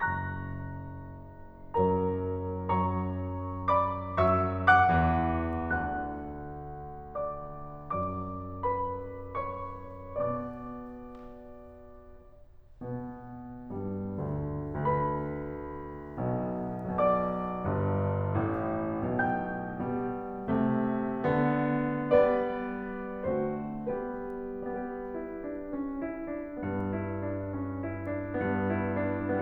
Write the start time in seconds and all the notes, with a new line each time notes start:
0.01 F#1 F#2 A#5 C#6 F#6 A#6
1.74 F#2 F#3 A#4 C#5 A#5
2.61 F#2 F#3 C#5 A#5 C#6
3.70 D5 B5 D6
4.23 F#2 F#3 E5 C#6 E6
4.71 F#5 D6 F#6
4.92 E2 E3
5.68 D2 D3 F#5 F#6
7.20 D5 D6
7.92 F#2 F#3 D5 D6
8.63 B4 B5
9.37 C#5 C#6
10.12 B2 B3 D5 D6
12.84 B2 B3
13.76 G2 G3
14.21 D2 D3
14.77 D2 D3 B4 B5
16.21 B1 B2
16.99 B1 B2 D5 D6
17.66 G1 G2
18.43 A1 A2
19.16 B1 B2 G5 G6
19.82 B2 G3
20.50 C3 A3
21.29 D3 B3
22.18 B3 D4 B4 D5
23.22 D3 A3 C4 F#4 C5
23.89 G3 B3 G4 B4
24.61 G3 B3 G4 B4
25.12 E4
25.43 D4
25.76 C#4
26.02 E4
26.31 D4
26.60 G2 B3
26.94 E4
27.30 D4
27.57 C#4
27.85 E4
28.11 D4
28.37 G2 B3
28.84 E4
29.11 D4